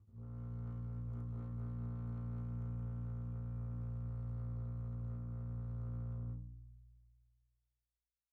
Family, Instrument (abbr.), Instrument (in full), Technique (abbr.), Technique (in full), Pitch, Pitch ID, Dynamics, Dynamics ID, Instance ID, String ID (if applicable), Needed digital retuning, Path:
Strings, Cb, Contrabass, ord, ordinario, A#1, 34, pp, 0, 3, 4, FALSE, Strings/Contrabass/ordinario/Cb-ord-A#1-pp-4c-N.wav